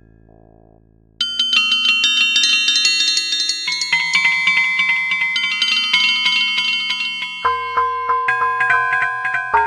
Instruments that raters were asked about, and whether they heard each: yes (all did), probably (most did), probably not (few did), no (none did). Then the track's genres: mallet percussion: yes
voice: no
Electronic; Ambient